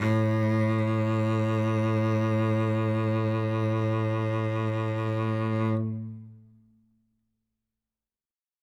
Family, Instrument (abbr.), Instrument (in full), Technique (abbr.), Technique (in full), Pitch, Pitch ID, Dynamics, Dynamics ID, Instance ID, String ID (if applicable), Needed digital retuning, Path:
Strings, Vc, Cello, ord, ordinario, A2, 45, ff, 4, 2, 3, TRUE, Strings/Violoncello/ordinario/Vc-ord-A2-ff-3c-T19d.wav